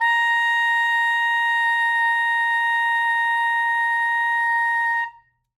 <region> pitch_keycenter=82 lokey=81 hikey=85 volume=6.824052 lovel=84 hivel=127 ampeg_attack=0.004000 ampeg_release=0.500000 sample=Aerophones/Reed Aerophones/Saxello/Non-Vibrato/Saxello_SusNV_MainSpirit_A#4_vl3_rr1.wav